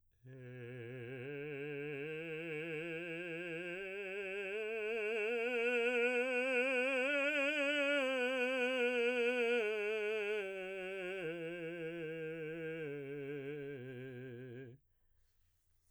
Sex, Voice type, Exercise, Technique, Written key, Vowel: male, baritone, scales, slow/legato piano, C major, e